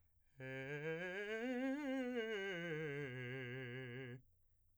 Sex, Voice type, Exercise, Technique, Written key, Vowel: male, , scales, fast/articulated piano, C major, e